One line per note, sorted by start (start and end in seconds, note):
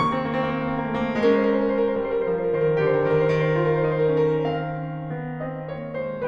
0.00 1.28 C3
0.00 0.08 A#3
0.00 1.28 C#6
0.06 0.14 C4
0.10 0.17 A#3
0.10 0.22 C4
0.19 0.29 A#3
0.24 0.35 C4
0.31 0.39 A#3
0.36 0.45 C4
0.42 0.50 A#3
0.46 0.55 C4
0.51 0.60 A#3
0.57 0.66 C4
0.63 0.75 A#3
0.67 0.80 C4
0.78 0.87 A#3
0.84 0.92 C4
0.88 0.96 A#3
0.93 1.02 C4
0.99 1.07 A#3
1.03 1.11 C4
1.08 1.17 A#3
1.14 1.22 C4
1.18 1.27 A3
1.23 1.31 A#3
1.29 2.01 G#3
1.29 2.77 C#4
1.29 1.37 A#4
1.34 1.42 C5
1.38 1.46 A#4
1.44 1.56 C5
1.52 1.60 A#4
1.57 1.67 C5
1.61 1.75 A#4
1.70 1.80 C5
1.76 1.86 A#4
1.81 1.92 C5
1.88 1.96 A#4
1.93 2.04 C5
2.01 2.24 G3
2.01 2.09 A#4
2.07 2.17 C5
2.12 2.23 A#4
2.18 2.28 C5
2.25 2.53 F3
2.25 2.35 A#4
2.30 2.46 C5
2.36 2.52 A#4
2.47 2.60 C5
2.54 2.77 D#3
2.54 2.66 A#4
2.62 2.71 C5
2.67 2.76 A#4
2.73 2.80 C5
2.77 3.00 D3
2.77 3.55 G4
2.77 2.84 A#4
2.77 2.93 C5
2.87 2.98 A#4
2.95 3.03 C5
3.00 3.23 D#3
3.00 3.08 A#4
3.04 3.17 C5
3.10 3.22 A#4
3.18 3.27 C5
3.23 4.92 D#3
3.23 3.34 A#4
3.30 3.45 C5
3.36 3.53 A#4
3.46 3.60 C5
3.56 3.82 F4
3.56 3.65 A#4
3.61 3.73 C5
3.66 3.78 A#4
3.75 3.85 C5
3.82 4.06 D#4
3.82 3.90 A#4
3.87 3.97 C5
3.94 4.05 A#4
3.99 4.11 C5
4.06 4.28 C#4
4.06 4.17 A#4
4.12 4.23 C5
4.19 4.27 A4
4.24 4.32 A#4
4.28 4.54 C4
4.28 5.27 F5
4.56 4.92 C#4
4.93 6.27 D#3
4.93 5.27 A#3
5.27 5.65 C4
5.27 5.65 D#5
5.65 6.05 A#3
5.65 6.05 C#5
6.05 6.27 G#3
6.05 6.27 C5